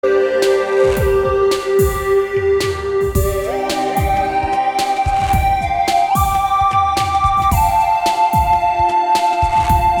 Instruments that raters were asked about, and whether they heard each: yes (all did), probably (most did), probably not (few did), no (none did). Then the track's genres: banjo: no
flute: no
organ: probably not
Pop; Chill-out